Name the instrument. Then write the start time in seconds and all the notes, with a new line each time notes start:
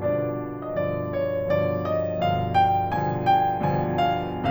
piano
0.00 G2 B2 D3 F3 D4 D5
0.66 G2 B2 D3 F3 D#5
0.72 D5
1.04 C#5
1.49 G2 B2 D3 F3 D5
1.90 D#5
2.22 G2 B2 D3 F3 F5
2.48 G5
2.95 G2 B2 D3 F3 G#5
3.30 G5
3.92 G2 B2 D3 F3 G#5
4.20 F5